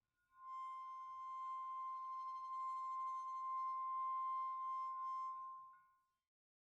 <region> pitch_keycenter=60 lokey=60 hikey=60 volume=15.000000 offset=14267 ampeg_attack=0.004000 ampeg_release=1 sample=Idiophones/Struck Idiophones/Brake Drum/BrakeDrum1_Bowed_rr2_Mid.wav